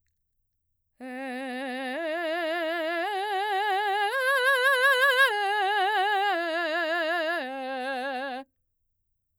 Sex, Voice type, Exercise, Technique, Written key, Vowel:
female, mezzo-soprano, arpeggios, vibrato, , e